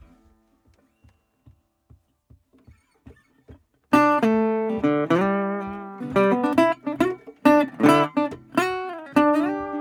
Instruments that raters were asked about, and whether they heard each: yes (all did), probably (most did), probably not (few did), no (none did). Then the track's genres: mandolin: no
Old-Time / Historic; Bluegrass; Americana